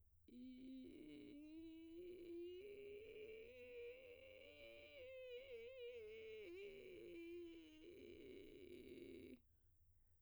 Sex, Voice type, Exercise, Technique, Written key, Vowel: female, soprano, scales, vocal fry, , i